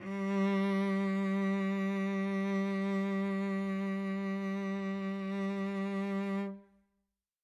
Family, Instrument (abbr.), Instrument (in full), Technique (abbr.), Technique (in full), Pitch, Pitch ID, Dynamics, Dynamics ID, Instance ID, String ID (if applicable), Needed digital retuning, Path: Strings, Vc, Cello, ord, ordinario, G3, 55, mf, 2, 1, 2, FALSE, Strings/Violoncello/ordinario/Vc-ord-G3-mf-2c-N.wav